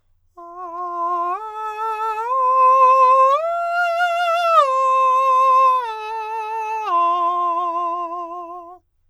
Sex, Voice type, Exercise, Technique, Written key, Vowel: male, countertenor, arpeggios, slow/legato forte, F major, a